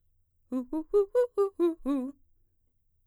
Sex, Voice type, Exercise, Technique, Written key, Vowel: female, mezzo-soprano, arpeggios, fast/articulated forte, C major, u